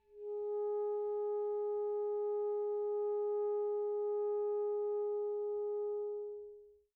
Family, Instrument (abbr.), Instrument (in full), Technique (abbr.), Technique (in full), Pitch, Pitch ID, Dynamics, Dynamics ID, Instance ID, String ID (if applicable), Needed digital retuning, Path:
Winds, ASax, Alto Saxophone, ord, ordinario, G#4, 68, pp, 0, 0, , FALSE, Winds/Sax_Alto/ordinario/ASax-ord-G#4-pp-N-N.wav